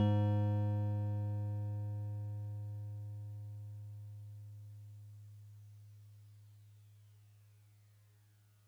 <region> pitch_keycenter=56 lokey=55 hikey=58 volume=15.930704 lovel=0 hivel=65 ampeg_attack=0.004000 ampeg_release=0.100000 sample=Electrophones/TX81Z/FM Piano/FMPiano_G#2_vl1.wav